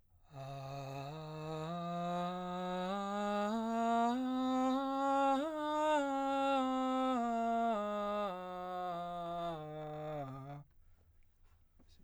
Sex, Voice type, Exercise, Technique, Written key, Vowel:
male, baritone, scales, breathy, , a